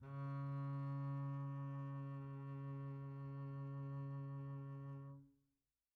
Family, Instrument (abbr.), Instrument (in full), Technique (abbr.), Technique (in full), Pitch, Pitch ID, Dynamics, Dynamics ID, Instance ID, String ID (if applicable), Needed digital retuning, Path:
Strings, Cb, Contrabass, ord, ordinario, C#3, 49, pp, 0, 1, 2, FALSE, Strings/Contrabass/ordinario/Cb-ord-C#3-pp-2c-N.wav